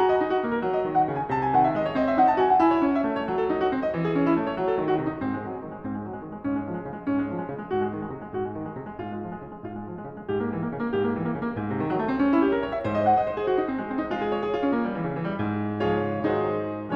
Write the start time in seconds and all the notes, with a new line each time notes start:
0.00 F#4 A#5
0.09 D#5
0.20 D#4
0.33 F#4
0.43 A#3
0.52 A#4
0.63 F#3
0.77 D#5
0.85 D#3
0.98 F#5
1.10 C#3
1.18 G#5
1.32 C3 A5
1.40 G#5
1.54 D#3 F#5
1.65 E5
1.79 G#3 D#5
1.83 C#5
1.96 C4 D#5
2.08 E5
2.17 D#4 F#5
2.30 A5
2.43 F#4 G#5
2.48 F#5
2.57 E4 G#5
2.69 C#5
2.84 C#4
2.93 E5
3.04 A3
3.18 C#5
3.26 F#3
3.37 A4
3.52 D#4
3.59 F#4
3.69 C4
3.82 D#5
3.95 E3
4.08 G#4
4.16 C#4
4.30 E4
4.35 A3
4.46 C#5
4.59 F#3
4.71 A4
4.78 D#3
4.89 F#4
5.05 C3
5.13 D#4
5.21 G#2 C4
5.35 G#3
5.46 F#3
5.54 G#3
5.65 D#3
5.75 G#3
5.83 G#2 C4
5.94 G#3
6.06 F#3
6.15 G#3
6.23 D#3
6.30 G#3
6.41 G#2 C#4
6.56 G#3
6.69 F3 G#3
6.82 C#3
6.88 G#3
7.01 G#2 C#4
7.16 G#3
7.29 F3
7.38 G#3
7.47 C#3
7.63 G#3
7.73 G#2 F#4
7.85 G#3
7.96 D#3
8.02 G#3
8.13 C3
8.22 G#3
8.29 G#2 F#4
8.38 G#3
8.53 D#3
8.61 G#3
8.73 C3
8.84 G#3
8.96 G#2 F4
9.11 G#3
9.22 F3
9.29 G#3
9.39 C#3
9.53 G#2 G#3 F4
9.71 G#3
9.86 F3
9.94 G#3
10.01 C#3
10.15 G#3
10.26 G#2 G4
10.39 A#3
10.53 E3
10.62 A#3
10.68 C#3
10.79 A#3
10.91 G#2 G4
11.03 A#3
11.12 E3
11.27 A#3
11.37 C#3
11.45 A#3
11.55 G#2
11.70 C3
11.80 D#3
11.88 F#3
11.98 A3
12.05 C4
12.17 C#4
12.31 E4
12.45 G4
12.54 A#4
12.63 C#5
12.74 E5
12.83 G#2 C5
12.95 D#5
13.08 F#5
13.18 D#5
13.29 C5
13.36 G#4
13.48 F#4
13.58 D#4
13.68 C4
13.77 G#3
13.90 C4
14.00 D#4
14.09 G#3 F4
14.23 G#4
14.32 C#5
14.43 G#4
14.51 F4
14.64 C#4
14.71 A#3
14.86 G3
14.93 E3
15.03 C#3
15.13 E3
15.23 G3
15.41 G#2
15.84 C#3 F3 G#3 F4 G#4 C#5
16.32 D#3 F#3 G#3 D#4 G#4 C5